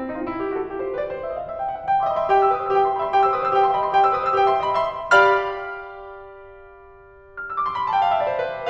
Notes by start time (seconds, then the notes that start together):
0.00 E4
0.09 D#4
0.17 F4
0.30 E4
0.41 G4
0.51 F#4
0.62 A4
0.71 G4
0.81 C5
0.92 B4
1.01 D5
1.11 C5
1.22 E5
1.32 D#5
1.43 F5
1.54 E5
1.64 G5
1.76 F#5
1.83 A5
1.90 G5
2.01 E5 C6
2.10 D#5 B5
2.22 E5 C6
2.32 G4 G5
2.44 C5 E6
2.54 B4 D#6
2.62 C5 E6
2.74 G4 G5
2.86 E5 C6
2.95 D#5 B5
3.04 E5 C6
3.15 G4 G5
3.27 C5 E6
3.37 B4 D#6
3.47 C5 E6
3.55 G4 G5
3.66 E5 C6
3.75 D#5 B5
3.84 E5 C6
3.94 G4 G5
4.03 C5 E6
4.16 B4 D#6
4.25 C5 E6
4.34 G4 G5
4.50 E5 C6
4.63 D#5 B5
4.84 E5 C6
5.14 G4 D5 F5
7.28 F6
7.38 E6
7.57 D6
7.65 C6
7.73 B5
7.86 A5
7.96 G5
8.03 F5
8.13 E5
8.21 D5
8.30 C5
8.43 B4